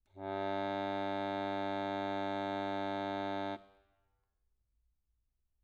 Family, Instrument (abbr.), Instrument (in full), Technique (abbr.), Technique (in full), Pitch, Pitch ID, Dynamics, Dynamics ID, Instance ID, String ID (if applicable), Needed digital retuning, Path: Keyboards, Acc, Accordion, ord, ordinario, G2, 43, mf, 2, 1, , FALSE, Keyboards/Accordion/ordinario/Acc-ord-G2-mf-alt1-N.wav